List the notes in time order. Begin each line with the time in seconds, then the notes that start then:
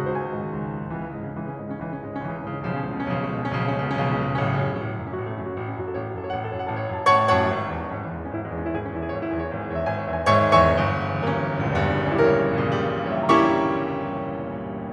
0.00 C#2 F#4
0.09 C5
0.15 D#3 G#5
0.23 G#2
0.31 D#3
0.42 C#2
0.51 D#3
0.59 G#2
0.67 D#3
0.80 C#2 E3
0.94 C#3 C#4
1.06 G#2 G#3
1.17 C#3 C#4
1.34 C#2 E3
1.43 C#3 C#4
1.66 G#2 G#3
1.75 C#3 C#4
1.85 C#2 E3
1.96 C#3 C#4
2.05 G#2 G#3
2.17 C#3 C#4
2.26 C#2 E3
2.38 C#3 C#4
2.46 G#2 G#3
2.58 C#3 C#4
2.69 B1 C#3 F3
2.86 B2 C#4
2.95 C#2 G#3
3.07 B2 C#4
3.20 B1 C#3 F3
3.30 B2 C#4
3.39 C#2 G#3
3.51 B2 C#4
3.60 B1 C#3 F3
3.69 B2 C#4
3.78 C#2 G#3
3.89 B2 C#4
3.99 B1 C#3 F3
4.11 B2 C#4
4.20 C#2 G#3
4.31 B2 C#4
4.41 A1 A2 C#3 F#3 A3 C#4
4.48 C#3
4.57 F#2 F#3
4.68 A3
4.76 A1 C#4
4.85 F#3
4.93 F#2 A3
5.02 C#4
5.11 A1 F#4
5.21 A3
5.32 F#2 C#4
5.41 F#4
5.50 A1 A4
5.61 C#4
5.72 F#2 F#4
5.83 A4
5.93 A1 C#5
6.05 F#4
6.15 F#2 A4
6.23 C#5
6.33 A1 F#5
6.42 A4
6.50 F#2 C#5
6.58 F#5
6.69 A1 A5
6.79 C#5
6.87 F#2 F#5
6.97 A5
7.11 A1 A2 C#5 F#5 A5 C#6
7.34 F#2 C#5 F#5 A5 C#6
7.56 G#1
7.65 C#3
7.76 E2 E3
7.86 G#3
7.98 G#1 C#4
8.07 E3
8.16 E2 G#3
8.27 C#4
8.35 G#1 E4
8.42 G#3
8.52 E2 C#4
8.63 E4
8.72 G#1 G#4
8.81 C#4
8.89 E2 E4
9.00 G#4
9.10 G#1 C#5
9.20 E4
9.30 E2 G#4
9.44 C#5
9.54 G#1 E5
9.64 G#4
9.74 E2 C#5
9.83 E5
9.91 G#1 G#5
10.02 C#5
10.11 E2 E5
10.21 G#5
10.30 G#1 G#2 C#5 E5 G#5 C#6
10.59 E2 C#5 E5 G#5 C#6
10.79 F#1
11.03 C#3
11.09 E3
11.13 G3
11.22 A#3
11.26 C#4
11.48 F#1
11.58 A#1
11.66 C#2
11.70 E2
11.75 G2
12.06 C#4
12.11 E4
12.16 G4
12.21 A#4
12.31 C#5
12.52 F#2
12.59 A#2
12.72 C#3
12.77 E3
12.82 G3
13.03 C#5
13.11 E5
13.15 G5
13.25 A#5
13.31 G3 A#3 C#4 E4 C#6